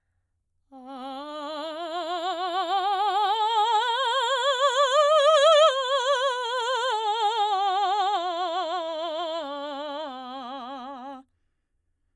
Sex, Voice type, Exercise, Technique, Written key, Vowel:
female, soprano, scales, slow/legato forte, C major, a